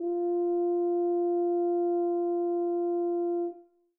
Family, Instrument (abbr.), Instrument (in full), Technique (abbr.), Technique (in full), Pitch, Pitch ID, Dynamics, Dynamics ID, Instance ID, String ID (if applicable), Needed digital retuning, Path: Brass, BTb, Bass Tuba, ord, ordinario, F4, 65, mf, 2, 0, , FALSE, Brass/Bass_Tuba/ordinario/BTb-ord-F4-mf-N-N.wav